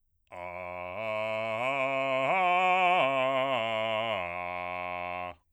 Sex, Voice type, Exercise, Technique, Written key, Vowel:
male, bass, arpeggios, slow/legato forte, F major, a